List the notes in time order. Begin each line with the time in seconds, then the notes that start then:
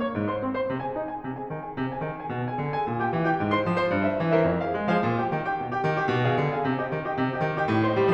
0.00 C#5 C#6
0.16 G#2
0.29 C5 C6
0.39 C4
0.53 C5 C6
0.67 C3
0.82 G#4 G#5
0.99 D#4
1.13 G#4 G#5
1.22 C3
1.36 G#4 G#5
1.47 D#3
1.60 G#4 G#5
1.74 C3
1.88 G#4 G#5
2.03 D#3
2.18 G#4 G#5
2.29 B2
2.41 G#4 G#5
2.57 D3
2.72 G#4 G#5
2.90 A#2
3.03 G4 G5
3.18 E3
3.30 G4 G5
3.42 G#2
3.53 C5 C6
3.65 F3
3.77 C5 C6
3.89 G2
4.03 A#4 C5 E5
4.18 G3
4.33 A#4 C5 E5
4.46 F2
4.60 G#4 C5 F5
4.73 G#3
4.86 F3 G#4 C5 F5
5.04 A#2
5.20 G4 G5
5.34 D#3
5.48 G4 G5
5.61 A#2
5.74 G4 G5
5.87 D#3
6.00 G4 G5
6.14 B2
6.30 G#4 F5 G#5
6.46 D3
6.57 G#4 F5 G#5
6.68 C3
6.77 G4 F5 G5
6.91 D#3
7.06 G4 D#5 G5
7.15 C3
7.29 G4 D#5 G5
7.42 D#3
7.56 G4 D#5 G5
7.69 A2
7.85 C5 D#5 C6
8.00 G3